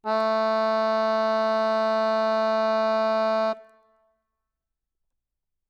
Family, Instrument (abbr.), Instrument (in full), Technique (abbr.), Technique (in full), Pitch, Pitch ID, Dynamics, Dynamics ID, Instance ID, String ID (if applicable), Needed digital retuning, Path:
Keyboards, Acc, Accordion, ord, ordinario, A3, 57, ff, 4, 0, , FALSE, Keyboards/Accordion/ordinario/Acc-ord-A3-ff-N-N.wav